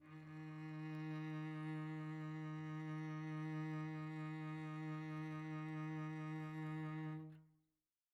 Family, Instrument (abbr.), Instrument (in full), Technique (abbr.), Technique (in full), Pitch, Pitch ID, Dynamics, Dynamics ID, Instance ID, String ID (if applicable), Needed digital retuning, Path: Strings, Vc, Cello, ord, ordinario, D#3, 51, pp, 0, 1, 2, FALSE, Strings/Violoncello/ordinario/Vc-ord-D#3-pp-2c-N.wav